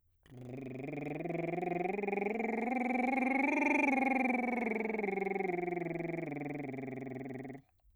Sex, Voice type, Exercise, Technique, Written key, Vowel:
male, bass, scales, lip trill, , a